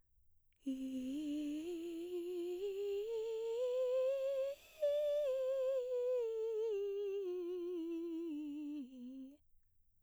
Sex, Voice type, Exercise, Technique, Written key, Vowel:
female, mezzo-soprano, scales, breathy, , i